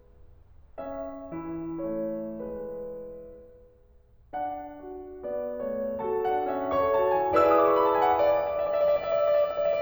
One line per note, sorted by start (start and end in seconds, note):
0.81 1.85 C#4
0.81 1.85 E5
1.32 2.97 E3
1.32 2.97 E4
1.85 2.40 A3
1.85 2.40 C#5
2.41 2.97 G#3
2.41 2.97 B4
4.35 5.26 D4
4.35 5.26 F#5
4.90 5.26 F#4
5.26 5.68 B3
5.26 5.68 D5
5.69 6.01 A3
5.69 6.01 C#5
6.03 6.34 F#4
6.03 6.34 A4
6.03 6.34 A5
6.34 6.58 D4
6.34 6.58 F#5
6.58 6.82 C#4
6.58 6.82 E5
6.82 7.00 A4
6.82 7.00 C#5
6.82 7.00 C#6
7.00 7.21 F#4
7.00 7.21 A5
7.21 7.42 E4
7.21 7.42 G#5
7.44 8.37 E4
7.44 8.37 G#4
7.44 8.37 B4
7.44 8.37 D5
7.44 7.60 E5
7.44 7.62 E6
7.55 7.72 D#6
7.63 7.78 D6
7.72 7.86 C#6
7.79 7.94 B5
7.87 7.99 A5
7.95 8.10 G#5
8.03 8.19 F#5
8.12 8.24 E5
8.20 8.37 D5
8.28 8.48 E5
8.39 8.57 D5
8.49 8.66 E5
8.57 8.77 D5
8.66 8.86 E5
8.77 8.95 D5
8.86 9.04 E5
8.96 9.16 D5
9.06 9.25 E5
9.16 9.32 D5
9.25 9.40 E5
9.32 9.47 D5
9.40 9.56 E5
9.49 9.67 D5
9.56 9.74 E5
9.67 9.82 D5
9.74 9.82 E5